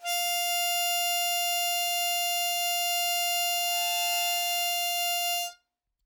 <region> pitch_keycenter=77 lokey=75 hikey=79 tune=-1 volume=8.521141 trigger=attack ampeg_attack=0.004000 ampeg_release=0.100000 sample=Aerophones/Free Aerophones/Harmonica-Hohner-Special20-F/Sustains/Normal/Hohner-Special20-F_Normal_F4.wav